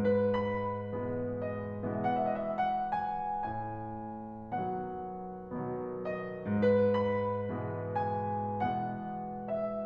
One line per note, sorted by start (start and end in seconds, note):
0.00 0.95 G#2
0.00 0.33 B4
0.34 1.46 B5
0.96 1.92 B2
0.96 1.92 E3
0.96 1.92 G#3
0.96 1.92 B3
1.47 1.92 D#5
1.93 3.24 B2
1.93 3.24 E3
1.93 3.24 G#3
1.93 3.24 B3
1.93 2.05 E5
2.07 2.19 F#5
2.22 2.32 E5
2.33 2.46 D#5
2.47 2.58 E5
2.59 2.90 F#5
2.91 3.24 G#5
3.25 4.50 A2
3.25 4.50 G#5
4.52 5.57 B2
4.52 5.57 D#3
4.52 5.57 F#3
4.52 5.57 B3
4.52 6.04 F#5
5.58 6.64 B2
5.58 6.64 D#3
5.58 6.64 F#3
5.58 6.64 B3
6.05 6.64 D#5
6.65 7.50 G#2
6.65 6.92 B4
6.93 7.95 B5
7.51 8.60 B2
7.51 8.60 E3
7.51 8.60 G#3
7.51 8.60 B3
7.98 8.60 G#5
8.61 9.85 B2
8.61 9.85 E3
8.61 9.85 G#3
8.61 9.85 B3
8.61 9.52 F#5
9.53 9.85 E5